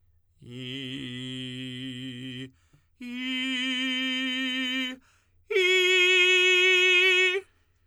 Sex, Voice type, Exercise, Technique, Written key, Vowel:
male, tenor, long tones, straight tone, , i